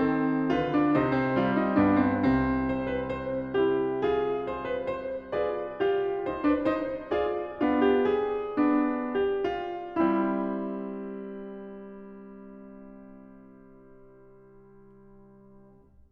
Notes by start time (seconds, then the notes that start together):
0.00 D#3 C4 A4
0.49 D3
0.55 F4 B4
0.79 D4
0.98 C3 D#4 C5
1.23 C4
1.37 G3 F4
1.60 D#4
1.76 G2 B3 D4
1.97 C4
2.24 C2 C3 C4
2.79 C5
2.96 B4
3.17 C5
3.59 E4 G4
4.04 F4 G#4
4.50 C5
4.69 B4
4.89 C5
5.31 F4 G#4 B4 D5
5.77 F4 G4
6.29 D#4 C5
6.49 D4 B4
6.73 D#4 C5
7.15 F4 G#4 D5
7.63 B3 D4 F4
7.87 G4
8.08 G#4
8.56 B3 D4
9.15 G4
9.51 F4
9.98 G3 C4 E4